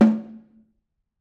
<region> pitch_keycenter=60 lokey=60 hikey=60 volume=5.253379 offset=203 lovel=107 hivel=127 seq_position=2 seq_length=2 ampeg_attack=0.004000 ampeg_release=15.000000 sample=Membranophones/Struck Membranophones/Snare Drum, Modern 1/Snare2_HitNS_v6_rr2_Mid.wav